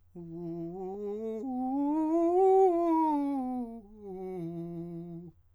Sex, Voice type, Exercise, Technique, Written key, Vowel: male, countertenor, scales, fast/articulated forte, F major, u